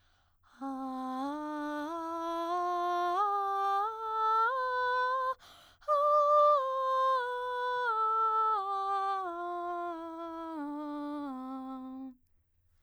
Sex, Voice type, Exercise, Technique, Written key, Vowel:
female, soprano, scales, breathy, , a